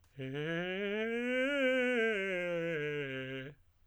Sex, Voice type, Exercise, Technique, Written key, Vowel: male, tenor, scales, fast/articulated piano, C major, e